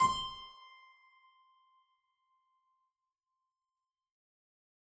<region> pitch_keycenter=84 lokey=84 hikey=84 volume=1.615040 trigger=attack ampeg_attack=0.004000 ampeg_release=0.400000 amp_veltrack=0 sample=Chordophones/Zithers/Harpsichord, Flemish/Sustains/Low/Harpsi_Low_Far_C5_rr1.wav